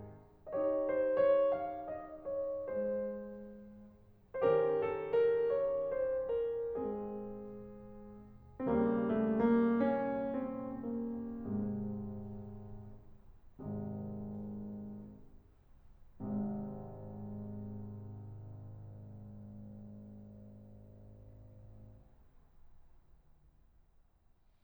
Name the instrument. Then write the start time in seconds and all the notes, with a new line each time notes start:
piano
0.62 D#4 G4 D#5
0.69 C#5
0.92 C5
1.22 C#5
1.53 F5
1.82 D#5
2.21 C#5
2.66 G#3 G#4 C5
4.35 D#3 C#4 G4 C5
4.46 A#4
4.71 A4
5.16 A#4
5.54 C#5
5.94 C5
6.33 A#4
6.75 G#3 C4 G#4
8.68 D#2 C#3 G3 C4
8.80 A#3
9.11 A3
9.45 A#3
9.83 C#4
10.26 C4
10.82 A#3
11.29 G#2 C3 G#3
13.60 G#1 C3 D#3 G#3
14.86 G#1 G#2 C3 G#3